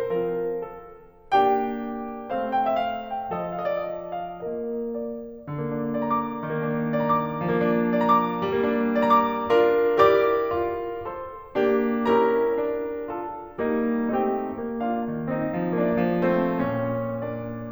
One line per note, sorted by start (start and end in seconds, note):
0.00 1.34 F3
0.00 1.34 C4
0.00 1.34 F4
0.00 0.44 A#4
0.45 1.34 A4
1.34 2.26 A#3
1.34 2.26 D4
1.34 2.26 G4
1.34 2.26 G5
2.26 3.31 A3
2.26 3.31 C4
2.26 3.31 C5
2.53 2.65 G5
2.59 2.80 F5
2.66 2.86 E5
2.80 3.19 F5
3.19 3.31 G5
3.32 4.33 F3
3.32 4.33 F4
3.32 4.33 A4
3.56 3.69 F5
3.65 3.76 D#5
3.70 3.97 D5
3.90 4.24 D#5
4.25 4.33 F5
4.34 5.46 A#3
4.34 5.46 F4
4.34 5.46 A#4
4.34 4.75 D#5
4.76 5.46 D5
5.47 6.41 D3
5.58 6.41 A#3
5.69 6.41 D4
5.94 6.94 D5
6.01 6.94 A#5
6.12 6.94 D6
6.41 7.45 D#3
6.51 7.45 A#3
6.71 7.45 D4
6.94 7.89 D5
7.11 7.89 A#5
7.23 7.89 D6
7.47 8.43 F3
7.57 8.43 A#3
7.66 8.43 D4
7.92 8.90 D5
8.01 8.90 A#5
8.10 8.90 D6
8.44 9.42 G3
8.56 9.42 A#3
8.65 9.42 D4
8.92 9.98 D5
9.03 9.98 A#5
9.16 9.98 D6
9.45 9.98 D4
9.45 9.98 F4
9.45 9.98 A#4
9.98 10.59 E4
9.98 10.59 G4
9.98 11.09 A#4
9.98 11.09 D5
9.98 11.09 D6
10.59 11.55 F4
11.09 11.55 A4
11.09 11.32 C5
11.09 11.32 C6
11.56 12.05 A#3
11.56 12.05 D4
11.56 12.05 G4
12.06 12.57 C#4
12.06 13.08 E4
12.06 13.08 G4
12.06 13.08 A#4
12.06 13.08 A#5
12.59 13.36 D4
13.10 13.58 F4
13.10 13.36 A4
13.10 13.36 A5
13.60 14.14 G3
13.60 14.14 A#3
13.60 14.14 D#4
14.14 14.62 A3
14.14 14.62 C4
14.14 14.79 D#4
14.14 14.79 G4
14.14 14.79 G5
14.62 15.03 A#3
14.80 15.26 D4
14.80 15.26 F4
14.80 15.26 F5
15.05 15.51 D#3
15.28 15.77 C4
15.28 15.77 D#4
15.28 15.77 D#5
15.52 16.07 F3
15.77 16.31 A#3
15.77 16.31 D4
15.77 16.31 D5
16.08 16.60 F3
16.31 17.23 A3
16.31 16.60 C4
16.31 16.60 C5
16.65 17.51 A#2
16.65 17.23 C#4
16.65 17.23 C#5
17.24 17.72 A#3
17.24 17.51 D5